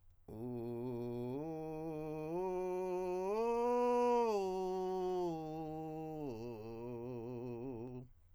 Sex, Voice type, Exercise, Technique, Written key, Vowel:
male, countertenor, arpeggios, vocal fry, , u